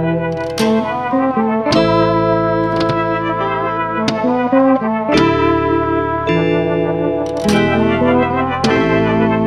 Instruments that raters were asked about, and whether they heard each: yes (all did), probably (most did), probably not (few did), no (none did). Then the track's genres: clarinet: no
saxophone: probably
organ: no
trombone: probably not
trumpet: probably
Pop; Psych-Folk; Experimental Pop